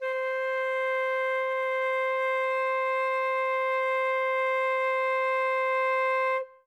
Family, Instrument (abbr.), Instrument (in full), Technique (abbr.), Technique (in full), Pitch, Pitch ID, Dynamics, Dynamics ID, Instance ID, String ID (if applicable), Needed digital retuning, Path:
Winds, Fl, Flute, ord, ordinario, C5, 72, ff, 4, 0, , TRUE, Winds/Flute/ordinario/Fl-ord-C5-ff-N-T19d.wav